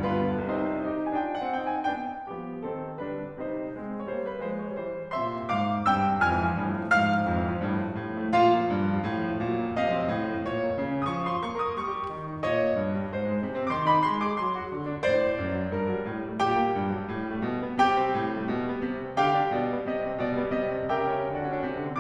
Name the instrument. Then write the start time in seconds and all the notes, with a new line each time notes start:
piano
0.01 G2 B3 F4 B4
0.11 D3
0.23 G3
0.40 C2 C3 C4 D#4 C5
0.75 D#4 G4
1.10 F4
1.16 D4 G#5
1.25 G5
1.38 F#5
1.55 C4 D#4 G5
1.74 G#5
1.93 B3 D4 G5
2.28 F3 G3 B3 G4
2.61 D#3 C4 A4
3.07 D3 G3 D4 B4
3.42 C3 G3 D#4 C5
3.80 G#3 C4
4.09 G3 A#3 C5 C#5
4.24 B4
4.42 F3 G#3 C5
4.59 C#5
4.75 E3 G3 C5
5.13 A#2 C3 E5 C6
5.50 G#2 F5 D6
5.86 G2 C3 G5 E6
6.22 F2 G#5 F6
6.38 E3
6.57 F3
6.66 G2
6.76 F3
6.86 G3
6.96 G#2 F5 F6
7.04 F3
7.13 G#3
7.23 F2
7.33 E3
7.46 F3
7.58 G2
7.67 F3
7.80 G3
7.91 A2
8.05 F3
8.26 A3
8.35 A#2 F4 F5
8.50 F3
8.60 A#3
8.70 G2
8.82 F3
8.92 G3
9.03 A2
9.12 F3
9.25 A3
9.35 A#2
9.53 F3
9.65 A#3
9.82 C3 D#5 F#5
9.92 F3
10.01 C4
10.11 A2
10.26 F3
10.40 A3
10.51 A#2 C#5
10.69 A#3
10.83 C#3
10.98 C#4
11.15 F3 C#6 D#6
11.31 F4 C6
11.48 A#3 C#6
11.65 A#4 D#6
11.79 G3 C#6
11.94 G4
12.09 D#3
12.22 D#4
12.36 A#2 C#5 D#5
12.53 A#3
12.73 G2
12.93 G3
13.15 G#2 C5
13.30 G#3
13.44 C3
13.58 C4
13.73 D#3 C6 D6
13.87 D#4 B5
14.04 G#3 C6
14.20 G#4 D6
14.43 F#3 C6
14.58 F#4
14.74 D3
14.90 D4
15.05 A2 C5 D5
15.23 A3
15.41 F#2
15.59 F#3
15.73 G2 A#4
15.82 F#3
15.97 G3
16.06 A2
16.18 G3
16.27 A3
16.42 A#2 G4 G5
16.52 G3
16.63 A#3
16.78 G2
16.90 F#3
17.01 G3
17.11 A2
17.25 G3
17.35 A3
17.46 B2
17.58 G3
17.68 B3
17.77 C3 G4 G5
17.91 G3
17.98 C4
18.13 A2
18.22 G3
18.37 A3
18.49 C3
18.59 G3
18.71 B3
18.85 C3
18.95 G3
19.06 C4
19.15 D3 G4 F5 G5
19.27 G3
19.36 D4
19.45 B2 D5
19.56 G3
19.67 B3
19.79 C3 D#5
19.91 G3
20.02 C4
20.13 B2 D5
20.24 G3
20.39 B3
20.46 B2 D#5
20.59 G3
20.76 C4
20.87 C#3 G4 A#4 E5 G5
21.02 G3
21.14 C#4
21.25 D3 F#4 A4 D5 F#5
21.38 C#4
21.47 D4
21.62 C3
21.73 D3
21.84 C4